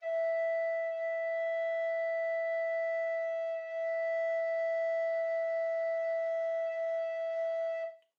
<region> pitch_keycenter=76 lokey=76 hikey=77 volume=11.578932 offset=676 ampeg_attack=0.004000 ampeg_release=0.300000 sample=Aerophones/Edge-blown Aerophones/Baroque Tenor Recorder/Sustain/TenRecorder_Sus_E4_rr1_Main.wav